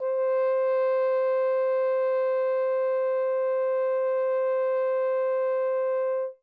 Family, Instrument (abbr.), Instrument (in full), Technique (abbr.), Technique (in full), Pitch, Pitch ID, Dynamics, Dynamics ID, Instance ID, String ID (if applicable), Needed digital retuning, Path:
Brass, Hn, French Horn, ord, ordinario, C5, 72, ff, 4, 0, , FALSE, Brass/Horn/ordinario/Hn-ord-C5-ff-N-N.wav